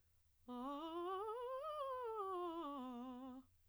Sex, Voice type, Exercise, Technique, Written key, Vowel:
female, soprano, scales, fast/articulated piano, C major, a